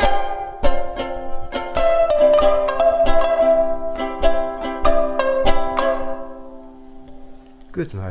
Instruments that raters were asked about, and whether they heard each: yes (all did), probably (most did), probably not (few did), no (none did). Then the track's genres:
mandolin: yes
ukulele: probably
banjo: probably not
Soundtrack; Instrumental